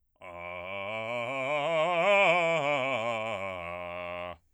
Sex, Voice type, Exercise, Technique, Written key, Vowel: male, bass, scales, fast/articulated forte, F major, a